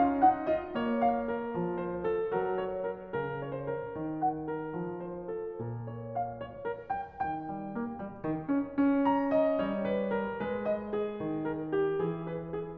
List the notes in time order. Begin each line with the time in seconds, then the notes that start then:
0.00 C#4 F5
0.23 D#4 F#5
0.49 F4 D#5
0.74 A#3 C#5
1.07 F5
1.35 A#4
1.57 F3
1.81 C5
2.08 A4
2.35 F#3 A#4
2.65 C#5
2.90 A#4
3.15 C#3 A#4
3.42 C#5
3.54 C5
3.66 A#4
3.87 D#3
4.23 F#5
4.50 A#4
4.81 F3
5.07 C5
5.34 A4
5.56 A#2 A#4
5.89 C#5
6.10 F5
6.37 C#5
6.62 A#4
6.90 G5
7.13 D#3 G#5
7.26 G5
7.47 G3 G#5
7.53 G5
7.66 G#5
7.76 A#3 G5
7.85 G#5
7.93 G5
8.01 G3 G#5
8.12 G5
8.20 G#5
8.25 D#3 G5
8.37 G#5
8.45 G5
8.50 C#4
8.64 G#5
8.72 G5
8.80 C#4 G#5
8.88 G5
9.07 A#5
9.33 D#5
9.67 G3 C#5
9.90 B4
10.12 A#4
10.43 G#3 B4
10.72 D#5
10.99 G#4
11.23 D#3
11.48 A#4
11.76 G4
12.05 E3 G#4
12.32 B4
12.53 G#4